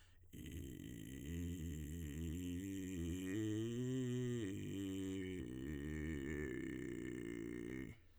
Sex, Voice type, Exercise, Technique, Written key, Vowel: male, tenor, arpeggios, vocal fry, , i